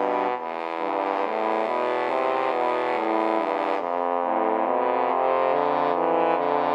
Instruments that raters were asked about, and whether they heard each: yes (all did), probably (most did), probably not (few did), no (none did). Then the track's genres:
trumpet: probably not
trombone: probably
Pop; Hip-Hop; Alternative Hip-Hop